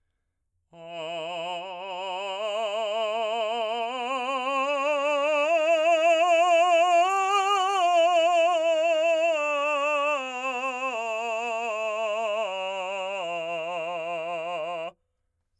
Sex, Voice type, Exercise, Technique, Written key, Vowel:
male, , scales, slow/legato forte, F major, a